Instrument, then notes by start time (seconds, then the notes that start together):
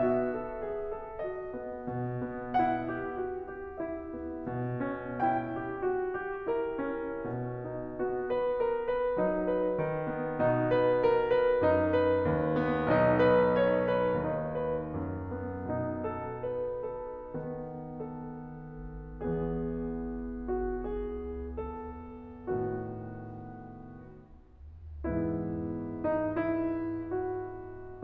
piano
0.00 F#4 E5
0.34 A4
0.62 G#4
0.88 A4
1.17 F#4 D#5
1.56 B3
1.88 B2
2.22 B3
2.61 E4 F#5
3.03 G4
3.26 F#4
3.55 G4
3.80 E4 E5
4.12 B3
4.40 B2
4.92 C#4
5.22 E4 G5
5.56 G4
5.84 F#4
6.06 G4
6.51 E4 A#4
6.79 C#4
7.24 B2
7.66 D#4
7.96 B3 F#4
8.27 B4
8.53 A#4
8.80 B4
9.21 F#3 D#4
9.59 B4
9.88 D#3
10.17 B3
10.41 B2 D#4
10.72 B4
11.02 A#4
11.27 B4
11.66 F#2 D#4
11.96 B4
12.23 D#2
12.62 B3
12.95 B1 D#4
13.15 B4
13.50 C#5
13.78 B4
14.26 D#2 D#4
14.52 B4
14.94 F#2
15.29 B3
15.74 B2 D#4
16.03 A4
16.35 B4
17.07 A4
17.43 D#3 B3
17.97 A4
19.18 E2 E3 B3 G#4
20.43 F#4
20.79 G#4
21.64 A4
22.49 A2 D#3 B3 F#4
25.07 G#2 E3 B3 E4
26.03 D#4
26.37 E4
27.16 F#4